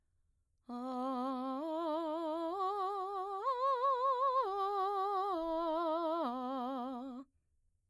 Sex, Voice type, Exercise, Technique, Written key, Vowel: female, mezzo-soprano, arpeggios, slow/legato piano, C major, a